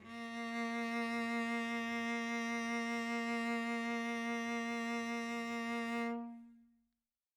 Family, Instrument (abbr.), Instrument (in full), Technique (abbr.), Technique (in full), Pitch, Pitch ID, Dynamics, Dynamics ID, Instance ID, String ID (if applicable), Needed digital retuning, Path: Strings, Vc, Cello, ord, ordinario, A#3, 58, mf, 2, 0, 1, FALSE, Strings/Violoncello/ordinario/Vc-ord-A#3-mf-1c-N.wav